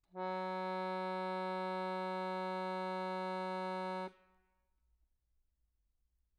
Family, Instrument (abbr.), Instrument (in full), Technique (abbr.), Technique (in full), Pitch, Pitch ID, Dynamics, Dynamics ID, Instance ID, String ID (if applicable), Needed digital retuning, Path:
Keyboards, Acc, Accordion, ord, ordinario, F#3, 54, mf, 2, 3, , FALSE, Keyboards/Accordion/ordinario/Acc-ord-F#3-mf-alt3-N.wav